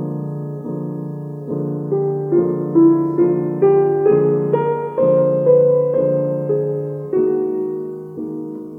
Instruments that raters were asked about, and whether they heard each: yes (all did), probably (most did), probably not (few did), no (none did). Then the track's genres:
piano: yes
Classical